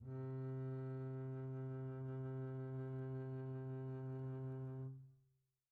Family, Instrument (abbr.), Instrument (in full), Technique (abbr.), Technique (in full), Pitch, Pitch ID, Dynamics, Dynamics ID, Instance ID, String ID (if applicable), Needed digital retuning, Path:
Strings, Cb, Contrabass, ord, ordinario, C3, 48, pp, 0, 3, 4, FALSE, Strings/Contrabass/ordinario/Cb-ord-C3-pp-4c-N.wav